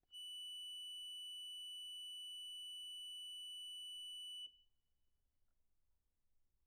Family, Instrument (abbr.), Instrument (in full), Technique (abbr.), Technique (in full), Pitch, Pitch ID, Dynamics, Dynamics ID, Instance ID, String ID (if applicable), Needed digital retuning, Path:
Keyboards, Acc, Accordion, ord, ordinario, F#7, 102, pp, 0, 0, , FALSE, Keyboards/Accordion/ordinario/Acc-ord-F#7-pp-N-N.wav